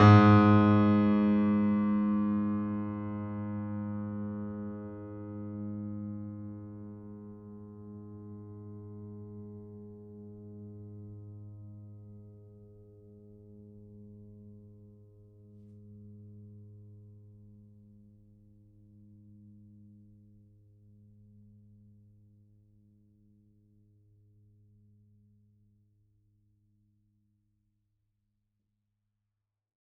<region> pitch_keycenter=44 lokey=44 hikey=45 volume=1.894462 lovel=100 hivel=127 locc64=65 hicc64=127 ampeg_attack=0.004000 ampeg_release=0.400000 sample=Chordophones/Zithers/Grand Piano, Steinway B/Sus/Piano_Sus_Close_G#2_vl4_rr1.wav